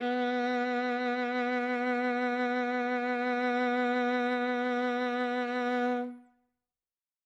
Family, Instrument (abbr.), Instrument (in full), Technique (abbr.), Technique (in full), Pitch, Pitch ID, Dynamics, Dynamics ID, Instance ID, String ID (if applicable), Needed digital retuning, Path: Strings, Va, Viola, ord, ordinario, B3, 59, ff, 4, 3, 4, FALSE, Strings/Viola/ordinario/Va-ord-B3-ff-4c-N.wav